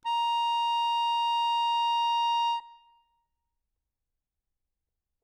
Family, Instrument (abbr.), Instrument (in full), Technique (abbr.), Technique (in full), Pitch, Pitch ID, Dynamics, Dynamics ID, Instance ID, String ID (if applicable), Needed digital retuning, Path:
Keyboards, Acc, Accordion, ord, ordinario, A#5, 82, ff, 4, 2, , FALSE, Keyboards/Accordion/ordinario/Acc-ord-A#5-ff-alt2-N.wav